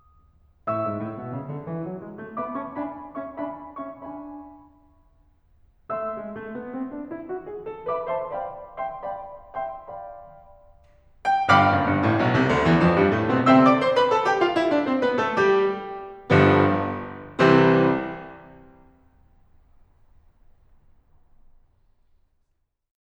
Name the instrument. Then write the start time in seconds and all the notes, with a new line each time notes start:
piano
0.68 A2 E5 C#6 E6
0.86 G#2
1.01 A2
1.20 B2
1.37 C#3
1.52 D3
1.68 E3
1.87 F#3
2.04 G#3
2.21 A3
2.36 B3 E5 B5 D6
2.57 C#4 E5 A5 C#6
2.77 D4 E5 G#5 B5
3.19 C#4 E5 A5 C#6
3.40 D4 E5 G#5 B5
3.81 C#4 E5 A5 C#6
3.97 D4 E5 G#5 B5
5.89 E5
6.03 A3 E5 C6 E6
6.16 G#3
6.34 A3
6.55 B3
6.75 C4
6.93 D4
7.12 E4
7.30 F#4
7.50 G#4
7.72 A4
7.89 B4 E5 B5 D6
8.10 C5 E5 A5 C6
8.30 D5 F5 G5 B5
8.79 E5 G5 C6
9.01 D5 F5 G5 B5
9.60 E5 G5 C6
9.87 D5 F5 G5 B5
11.32 G5
11.55 G1 G2 F5 G5 B5 D6 F6
11.73 F#1 F#2
11.87 G1 G2
12.06 A1 A2
12.19 B1 B2
12.34 C2 C3
12.49 D2 D3
12.63 E2 E3
12.79 F2 F3
12.95 G2 G3
13.12 A2 A3
13.31 B2 B3
13.46 C3 C4 E5 G5 C6 E6
13.62 D5 D6
13.80 C5 C6
13.96 B4 B5
14.12 A4 A5
14.26 G4 G5
14.41 F4 F5
14.55 E4 E5
14.71 D4 D5
14.88 C4 C5
15.02 B3 B4
15.17 A3 A4
15.35 G3 G4
16.30 G1 G2 D3 F3 G3 B3
17.60 C2 C3 E3 G3 C4
21.91 C4